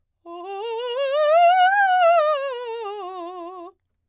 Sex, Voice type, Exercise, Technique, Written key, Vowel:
female, soprano, scales, fast/articulated piano, F major, o